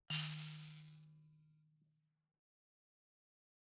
<region> pitch_keycenter=51 lokey=49 hikey=51 volume=17.968398 offset=4653 ampeg_attack=0.004000 ampeg_release=30.000000 sample=Idiophones/Plucked Idiophones/Mbira dzaVadzimu Nyamaropa, Zimbabwe, Low B/MBira4_pluck_Main_D#2_12_50_100_rr2.wav